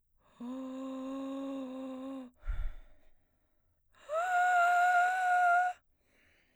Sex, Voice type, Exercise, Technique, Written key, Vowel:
female, soprano, long tones, inhaled singing, , o